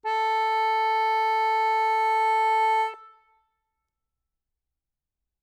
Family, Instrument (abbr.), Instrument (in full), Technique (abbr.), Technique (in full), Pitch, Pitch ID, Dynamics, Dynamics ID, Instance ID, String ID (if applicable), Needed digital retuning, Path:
Keyboards, Acc, Accordion, ord, ordinario, A4, 69, ff, 4, 0, , FALSE, Keyboards/Accordion/ordinario/Acc-ord-A4-ff-N-N.wav